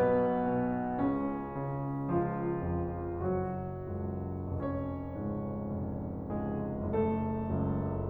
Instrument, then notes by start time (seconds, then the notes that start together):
piano
0.00 B1 B2 B3 B4
0.51 B2
0.99 C#2 C#3 C#4
1.52 C#3
2.08 C#2 F3 F4
2.65 F2
3.26 F#1 F#3 F#4
3.95 C#2 F#2
4.64 F1 C#4 C#5
5.15 C#2 G#2
5.75 F1
6.30 C#2 G#2 G#3 G#4
6.84 F#1 A3 A4
7.50 C#2 A2